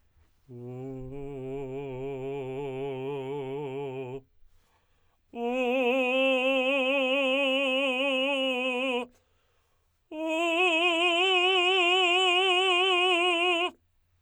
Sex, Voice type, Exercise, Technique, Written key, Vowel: male, tenor, long tones, trill (upper semitone), , u